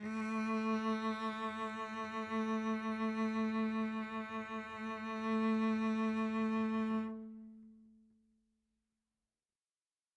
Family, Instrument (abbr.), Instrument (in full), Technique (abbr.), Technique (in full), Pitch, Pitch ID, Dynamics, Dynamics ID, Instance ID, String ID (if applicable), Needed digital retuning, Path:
Strings, Vc, Cello, ord, ordinario, A3, 57, mf, 2, 2, 3, TRUE, Strings/Violoncello/ordinario/Vc-ord-A3-mf-3c-T16d.wav